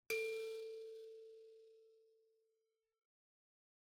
<region> pitch_keycenter=69 lokey=69 hikey=70 tune=-23 volume=19.151527 offset=4658 ampeg_attack=0.004000 ampeg_release=30.000000 sample=Idiophones/Plucked Idiophones/Mbira dzaVadzimu Nyamaropa, Zimbabwe, Low B/MBira4_pluck_Main_A3_5_50_100_rr1.wav